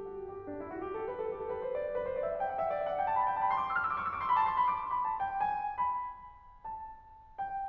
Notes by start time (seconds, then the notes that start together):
0.00 F#4
0.29 G4
0.55 D4
0.62 E4
0.72 F#4
0.84 G4
0.91 A4
1.04 B4
1.15 A4
1.24 G4
1.34 A4
1.50 B4
1.56 C5
1.64 D5
1.70 C5
1.80 B4
1.90 C5
2.12 D5
2.29 E5
2.33 F#5
2.39 G5
2.46 F#5
2.67 D5
2.74 E5
2.82 F5
2.96 G5
3.13 B5
3.20 A5
3.29 G5
3.34 A5
3.41 B5
3.47 C6
3.54 D6
3.69 F6
3.80 E6
3.99 C#6
4.05 E6
4.14 D6
4.38 A5
4.52 C6
4.57 B5
4.66 D6
4.88 C6
4.96 B5
5.07 A5
5.18 G5
5.24 G#5
5.41 B5
6.73 A5
7.40 G5